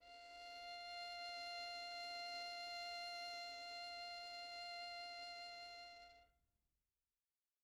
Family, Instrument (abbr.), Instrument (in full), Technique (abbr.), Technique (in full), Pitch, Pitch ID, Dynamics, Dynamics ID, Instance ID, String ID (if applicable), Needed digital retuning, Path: Strings, Vn, Violin, ord, ordinario, F5, 77, pp, 0, 1, 2, FALSE, Strings/Violin/ordinario/Vn-ord-F5-pp-2c-N.wav